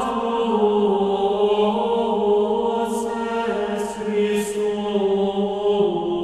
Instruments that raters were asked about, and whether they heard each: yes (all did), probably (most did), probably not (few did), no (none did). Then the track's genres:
voice: yes
bass: no
guitar: no
synthesizer: no
Choral Music